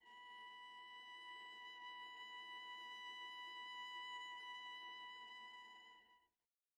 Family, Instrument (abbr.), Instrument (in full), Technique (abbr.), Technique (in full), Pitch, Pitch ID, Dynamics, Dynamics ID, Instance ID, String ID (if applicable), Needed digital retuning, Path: Strings, Va, Viola, ord, ordinario, B5, 83, pp, 0, 1, 2, TRUE, Strings/Viola/ordinario/Va-ord-B5-pp-2c-T20u.wav